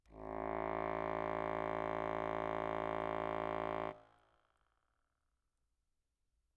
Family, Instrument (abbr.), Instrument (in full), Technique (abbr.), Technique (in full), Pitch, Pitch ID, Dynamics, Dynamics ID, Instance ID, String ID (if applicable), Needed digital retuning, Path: Keyboards, Acc, Accordion, ord, ordinario, A1, 33, mf, 2, 0, , FALSE, Keyboards/Accordion/ordinario/Acc-ord-A1-mf-N-N.wav